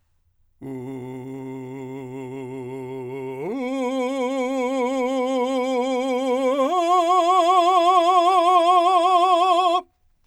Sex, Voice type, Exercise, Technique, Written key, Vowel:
male, , long tones, full voice forte, , u